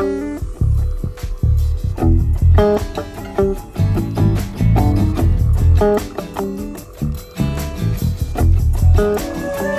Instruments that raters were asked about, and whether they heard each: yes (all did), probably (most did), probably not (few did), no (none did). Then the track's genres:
mandolin: no
banjo: probably not
Folk; New Age